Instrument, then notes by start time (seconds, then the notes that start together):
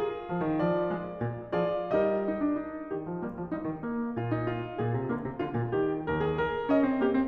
piano
0.00 F4 G#4
0.28 F3
0.43 D#3
0.58 F3 D5
0.91 G#3
1.22 A#2
1.51 F3
1.56 F4 G#4 D5
1.92 G3 D#4 G4 A#4 D#5
2.26 D#4
2.40 D4
2.57 D#4
2.90 D#3 G4
3.07 F3
3.19 G3 A#3
3.34 F3
3.47 G3 D#4
3.61 D#3
3.84 A#3
4.17 A#2 F4
4.31 D#4
4.47 F4
4.77 A#2 G#4
4.96 C3
5.11 D3 A#3
5.25 C3
5.41 D3 F4
5.57 A#2
5.74 D#3 G4
6.08 D#2 A#4
6.25 G#4
6.40 A#4
6.73 C#4 D#5
6.87 C4
7.01 A#3 G4
7.12 C4